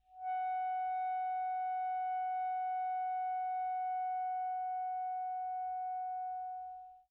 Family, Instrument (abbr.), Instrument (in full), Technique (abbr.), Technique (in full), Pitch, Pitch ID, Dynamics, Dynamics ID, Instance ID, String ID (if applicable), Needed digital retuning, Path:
Winds, ASax, Alto Saxophone, ord, ordinario, F#5, 78, pp, 0, 0, , FALSE, Winds/Sax_Alto/ordinario/ASax-ord-F#5-pp-N-N.wav